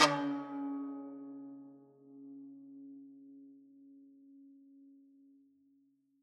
<region> pitch_keycenter=49 lokey=49 hikey=50 volume=6.134271 lovel=100 hivel=127 ampeg_attack=0.004000 ampeg_release=0.300000 sample=Chordophones/Zithers/Dan Tranh/Normal/C#2_ff_1.wav